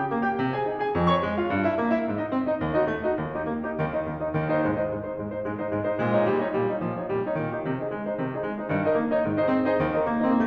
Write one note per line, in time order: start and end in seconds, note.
0.00 0.27 G4
0.00 0.27 G5
0.12 0.38 A#3
0.28 0.55 G4
0.28 0.55 G5
0.39 0.66 C3
0.56 0.80 G#4
0.56 0.80 G#5
0.67 0.93 D#4
0.81 1.07 G#4
0.81 1.07 G#5
0.95 1.22 F2
1.08 1.36 C#5
1.08 1.36 C#6
1.23 1.49 G#3
1.37 1.64 F4
1.37 1.64 F5
1.50 1.78 G2
1.65 1.93 E4
1.65 1.93 E5
1.79 2.07 C#4
1.95 2.18 D#4
1.95 2.18 D#5
2.08 2.31 G#2
2.19 2.45 D#4
2.19 2.45 D#5
2.32 2.59 C4
2.46 2.71 D#4
2.46 2.71 D#5
2.60 2.83 D#2
2.73 3.00 D#4
2.73 3.00 F#4
2.73 3.00 D#5
2.84 3.15 A3
3.01 3.30 D#4
3.01 3.30 F#4
3.01 3.30 D#5
3.15 3.42 D#2
3.31 3.59 D#4
3.31 3.59 G4
3.31 3.59 D#5
3.44 3.75 A#3
3.60 3.96 D#4
3.60 3.96 G4
3.60 3.96 D#5
3.77 4.12 D#2
3.77 4.12 D#3
3.97 4.28 D#4
3.97 4.28 D#5
4.13 4.40 D#2
4.13 4.40 D#3
4.30 4.53 D#4
4.30 4.53 D#5
4.41 4.67 D#2
4.41 4.67 D#3
4.54 4.77 D#4
4.54 4.77 C5
4.54 4.77 D#5
4.68 4.92 G#2
4.68 4.92 G#3
4.78 5.04 D#4
4.78 5.04 C5
4.78 5.04 D#5
4.93 5.19 G#2
4.93 5.19 G#3
5.06 5.32 D#4
5.06 5.32 C5
5.06 5.32 D#5
5.20 5.46 G#2
5.20 5.46 G#3
5.33 5.60 D#4
5.33 5.60 C5
5.33 5.60 D#5
5.48 5.75 G#2
5.48 5.75 G#3
5.61 5.90 D#4
5.61 5.90 C5
5.61 5.90 D#5
5.76 6.01 G#2
5.76 6.01 G#3
5.90 6.14 D#4
5.90 6.14 C5
5.90 6.14 D#5
6.01 6.29 A#2
6.01 6.29 G#3
6.14 6.44 D#4
6.14 6.44 C#5
6.14 6.44 D#5
6.30 6.57 A#2
6.30 6.57 G3
6.46 6.70 D#4
6.46 6.70 C#5
6.46 6.70 D#5
6.58 6.84 A#2
6.58 6.84 G3
6.71 6.99 D#4
6.71 6.99 C#5
6.71 6.99 D#5
6.86 7.13 A#2
6.86 7.13 F3
7.00 7.24 D#4
7.00 7.24 C#5
7.00 7.24 D#5
7.14 7.38 A#2
7.14 7.38 G3
7.26 7.53 D#4
7.26 7.53 C#5
7.26 7.53 D#5
7.40 7.69 A#2
7.40 7.69 D#3
7.55 7.81 D#4
7.55 7.81 G4
7.55 7.81 D#5
7.70 7.95 C3
7.70 7.95 D#3
7.83 8.08 D#4
7.83 8.08 G#4
7.83 8.08 D#5
7.96 8.21 G#3
8.08 8.39 D#4
8.08 8.39 C5
8.08 8.39 D#5
8.23 8.46 C3
8.23 8.46 D#3
8.39 8.61 D#4
8.39 8.61 G#4
8.39 8.61 D#5
8.49 8.70 G#3
8.63 8.84 D#4
8.63 8.84 C5
8.63 8.84 D#5
8.71 8.95 G2
8.71 8.95 D#3
8.84 9.04 D#4
8.84 9.04 A#4
8.84 9.04 D#5
8.96 9.20 A#3
9.06 9.39 D#4
9.06 9.39 C#5
9.06 9.39 D#5
9.21 9.47 G#2
9.21 9.47 D#3
9.40 9.62 D#4
9.40 9.62 G#4
9.40 9.62 C5
9.40 9.62 D#5
9.49 9.79 C4
9.64 9.88 D#4
9.64 9.88 G#4
9.64 9.88 C5
9.64 9.88 D#5
9.80 10.02 D#2
9.80 10.02 D#3
9.88 10.14 D#4
9.88 10.14 G4
9.88 10.14 A#4
9.88 10.14 D#5
10.03 10.29 A#3
10.16 10.46 D#4
10.16 10.46 G4
10.16 10.46 A#4
10.16 10.46 D#5
10.30 10.34 C4
10.34 10.47 A#3